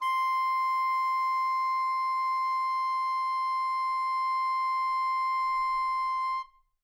<region> pitch_keycenter=84 lokey=84 hikey=85 volume=17.140016 offset=55 lovel=0 hivel=83 ampeg_attack=0.004000 ampeg_release=0.500000 sample=Aerophones/Reed Aerophones/Tenor Saxophone/Non-Vibrato/Tenor_NV_Main_C5_vl2_rr1.wav